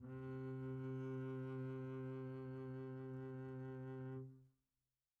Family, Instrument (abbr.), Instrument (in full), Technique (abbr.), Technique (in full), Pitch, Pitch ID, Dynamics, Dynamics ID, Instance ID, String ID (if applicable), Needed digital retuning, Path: Strings, Cb, Contrabass, ord, ordinario, C3, 48, pp, 0, 1, 2, FALSE, Strings/Contrabass/ordinario/Cb-ord-C3-pp-2c-N.wav